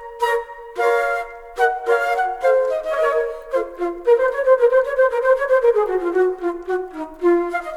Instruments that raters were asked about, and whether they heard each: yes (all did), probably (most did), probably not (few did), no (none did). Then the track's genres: flute: probably not
trumpet: no
clarinet: probably
Classical; Americana